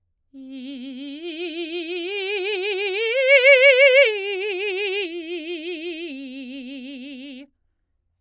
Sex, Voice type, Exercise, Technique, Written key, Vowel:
female, soprano, arpeggios, slow/legato forte, C major, i